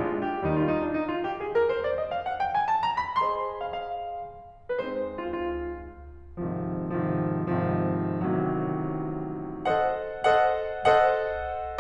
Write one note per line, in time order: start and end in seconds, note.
0.00 0.45 A#1
0.00 0.45 A#2
0.00 0.45 G#3
0.00 0.45 D4
0.00 0.21 F4
0.21 0.45 G4
0.46 0.92 D#2
0.46 0.92 D#3
0.46 0.59 G3
0.46 0.59 D#4
0.59 0.69 F4
0.69 0.80 D#4
0.80 0.92 D4
0.93 1.06 D#4
1.06 1.24 F4
1.24 1.42 G4
1.42 1.57 G#4
1.57 1.72 A#4
1.73 1.85 C5
1.85 1.93 D5
1.93 2.08 D#5
2.09 2.24 F5
2.24 2.40 F#5
2.40 2.54 G5
2.55 2.67 G#5
2.67 2.86 A5
2.86 3.00 A#5
3.03 3.20 B5
3.20 4.79 G#4
3.20 4.79 C5
3.20 4.79 D#5
3.20 3.62 C6
3.62 3.76 F5
3.76 4.79 F5
4.79 6.39 G#3
4.79 6.39 C4
4.79 6.39 D#4
4.79 4.86 B4
4.86 5.24 C5
5.25 5.35 F4
5.35 6.39 F4
6.40 6.97 G#1
6.40 6.97 G#2
6.40 6.97 C3
6.40 6.97 D#3
6.40 6.97 F3
6.98 7.51 G#1
6.98 7.51 G#2
6.98 7.51 C3
6.98 7.51 D#3
6.98 7.51 F3
7.52 8.12 G#1
7.52 8.12 G#2
7.52 8.12 C3
7.52 8.12 D#3
7.52 8.12 F3
8.13 9.65 A1
8.13 9.65 A2
8.13 9.65 C3
8.13 9.65 D#3
8.13 9.65 F#3
9.66 10.43 A4
9.66 10.43 C5
9.66 10.43 D#5
9.66 10.43 F#5
10.44 11.09 A4
10.44 11.09 C5
10.44 11.09 D#5
10.44 11.09 F#5
11.10 11.80 A4
11.10 11.80 C5
11.10 11.80 D#5
11.10 11.80 F#5